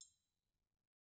<region> pitch_keycenter=61 lokey=61 hikey=61 volume=19.985819 offset=187 seq_position=2 seq_length=2 ampeg_attack=0.004000 ampeg_release=30.000000 sample=Idiophones/Struck Idiophones/Triangles/Triangle1_HitFM_v1_rr2_Mid.wav